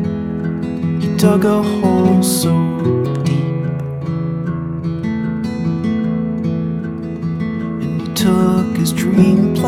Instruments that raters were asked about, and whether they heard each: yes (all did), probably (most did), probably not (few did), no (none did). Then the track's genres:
guitar: yes
Pop; Folk; Singer-Songwriter